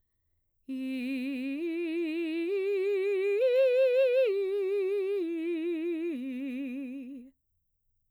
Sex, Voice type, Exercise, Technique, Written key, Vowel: female, mezzo-soprano, arpeggios, slow/legato piano, C major, i